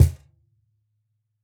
<region> pitch_keycenter=62 lokey=62 hikey=62 volume=-0.883711 lovel=100 hivel=127 seq_position=2 seq_length=2 ampeg_attack=0.004000 ampeg_release=30.000000 sample=Idiophones/Struck Idiophones/Cajon/Cajon_hit3_f_rr2.wav